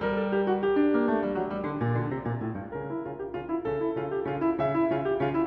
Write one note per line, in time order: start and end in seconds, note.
0.00 0.34 G3
0.00 2.74 A#4
0.15 0.34 A4
0.34 0.55 G4
0.55 0.66 F#4
0.66 2.74 G4
0.78 2.74 D4
0.92 1.06 A#3
1.06 1.21 A3
1.21 1.32 G3
1.32 1.45 F#3
1.45 1.64 G3
1.64 1.82 D3
1.82 1.95 A#2
1.95 2.10 D3
2.10 2.25 C3
2.25 2.41 A#2
2.41 2.54 A2
2.54 2.74 G2
2.74 3.07 C#3
2.74 3.67 A#4
2.91 3.07 E4
3.07 3.33 C#3
3.07 3.13 F4
3.13 3.33 G4
3.33 3.67 C#3
3.33 3.47 F4
3.47 3.67 E4
3.67 3.95 C#3
3.67 4.59 A4
3.82 3.95 E4
3.95 4.27 C#3
3.95 4.12 F4
4.12 4.27 G4
4.27 4.59 C#3
4.27 4.40 F4
4.40 4.59 E4
4.59 4.91 C#3
4.59 4.91 E5
4.77 4.91 E4
4.91 5.21 C#3
4.91 5.05 F4
5.05 5.21 G4
5.21 5.47 C#3
5.21 5.34 F4
5.34 5.47 E4